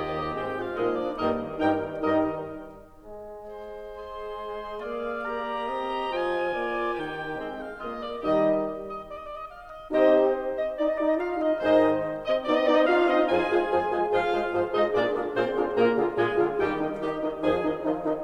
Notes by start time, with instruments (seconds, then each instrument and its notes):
0.00 bassoon D#2 D#3, clarinet G4, oboe D#5 G5
0.33 bassoon G#2 G#3, clarinet C4 G4, oboe C5 G5
0.52 clarinet F4, oboe F5
0.74 bassoon A#2 F3, clarinet G#3 D#4, horn A#3 F4, oboe G#4 D#5
0.94 clarinet D4, oboe D5
1.16 bassoon G2 G3, horn D#3 D#4, clarinet A#3 D#4, oboe A#4 D#5
1.60 bassoon G2 G3, horn D#3 D#4, clarinet A#4 G5, oboe A#4 G5
2.00 bassoon G2 G3, horn D#3 D#4, clarinet A#4 D#5, oboe A#4 D#5
3.02 bassoon G#3
3.45 oboe C5
3.92 clarinet G#4, oboe C6
4.77 bassoon A#3, clarinet G#4, oboe D5 F5
5.14 clarinet G4, oboe A#5
5.58 bassoon C4, oboe D#5
6.06 bassoon F3, clarinet F4, oboe G#5
6.46 bassoon A#3, oboe D5
6.91 bassoon D#3, clarinet D#4, oboe G4 G5
7.35 bassoon G#3, clarinet C4, oboe C5 G5
7.57 oboe F5
7.79 bassoon A#3, oboe F4 D#5, clarinet G#4
8.02 oboe D5
8.27 bassoon D#2 D#3, horn G3 D#4, clarinet G4 D#5, oboe G4 D#5
8.97 oboe D#5
9.20 oboe D5
9.28 oboe D5 D#5
9.39 oboe D#5
9.49 oboe F5
9.68 oboe D#5
9.93 bassoon C3 C4, horn D#4 G4, oboe G4 D#5, clarinet C5 D#5
10.62 clarinet D#5, oboe D#5
10.76 horn D#4, clarinet D5, oboe D5
10.88 clarinet D#5, oboe D#5
10.99 horn D#4, clarinet D5, oboe D5
11.08 clarinet D#5, oboe D#5
11.19 horn F4, clarinet F5, oboe F5
11.39 horn D#4, clarinet D#5, oboe D#5
11.63 bassoon G#2 G#3, horn D#3 D#4, clarinet C5 D#5, oboe C5 D#5
12.27 bassoon C4, clarinet D#5, oboe D#5
12.47 bassoon B3, horn D#4, clarinet D5, oboe D5
12.55 bassoon C4, clarinet D#5, oboe D#5
12.63 bassoon B3, horn D#4, clarinet D5, oboe D5
12.74 bassoon C4, clarinet D#5, oboe D#5
12.85 bassoon D4, horn F4, clarinet F5, oboe F5
13.00 bassoon C4, horn D#4, clarinet D#5, oboe D#5
13.22 bassoon F2 F3, horn F4 G#4, clarinet G#4 G#5, oboe G#5
13.47 bassoon F3 G#3, horn F4 G#4, oboe C5
13.65 bassoon F2 F3, horn F4 G#4, oboe C5
13.91 bassoon F3 G#3, horn F4 G#4, oboe C5
14.11 bassoon G#2 F3, horn F4 G#4, clarinet F4 F5, oboe C5 F5
14.25 bassoon G#3, horn F4 G#4, oboe C5
14.43 bassoon G#2 F3, horn F4 G#4, oboe C5
14.62 bassoon G#3, clarinet D#4 D#5, horn F4 G#4, oboe C5 D#5
14.84 bassoon A#2 A#3, clarinet D4 D5, horn F4 G#4, oboe A#4 D5
15.06 bassoon D3 D4, horn F4 G#4, oboe A#4
15.27 bassoon A#2 A#3, clarinet C4 C5, horn F4 G#4, oboe A#4 C6
15.46 bassoon D3 D4, horn F4 G#4, oboe A#4
15.70 bassoon A#2 A#3, clarinet A#3 A#4, horn F4 G#4, oboe A#4 A#5
15.93 bassoon D3, horn F4 G#4, oboe A#4
16.11 bassoon A#2, clarinet G#3 G#4, horn F4 G#4, oboe A#4 G#5
16.35 bassoon D3, horn F4 G#4, oboe A#4
16.57 bassoon D#2 D#3, clarinet G3 G4, horn D#4 G4, oboe D#5 G5
16.72 horn D#3 D#4, oboe D#5
16.94 horn D#3 D#4, bassoon D#3 D#4, clarinet G4, oboe D#5
17.19 horn D#3 D#4, oboe D#5
17.40 bassoon F2 F3, horn D#3 D#4, clarinet G#4, oboe D#5 G#5
17.61 horn D#3 D#4, oboe D#5
17.82 horn D#3 D#4, bassoon F3 F4, oboe D#5
18.03 horn D#3 D#4, oboe D#5